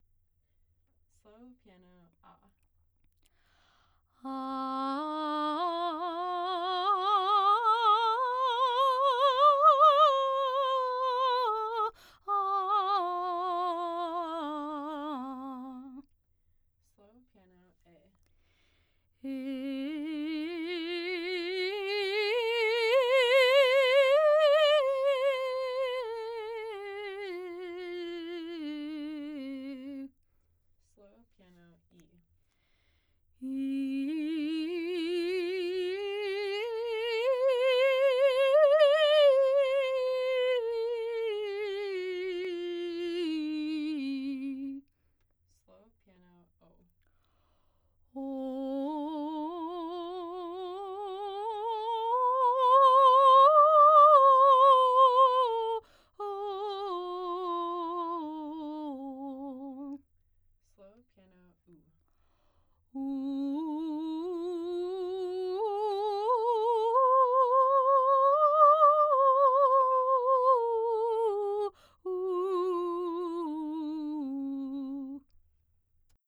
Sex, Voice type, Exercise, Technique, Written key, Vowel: female, soprano, scales, slow/legato piano, C major, 